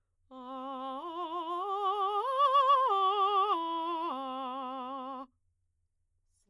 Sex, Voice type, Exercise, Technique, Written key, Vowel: female, soprano, arpeggios, slow/legato forte, C major, a